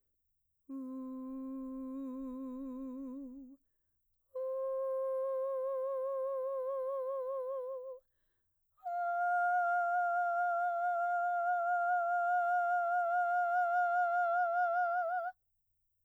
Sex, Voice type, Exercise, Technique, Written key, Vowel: female, mezzo-soprano, long tones, full voice pianissimo, , u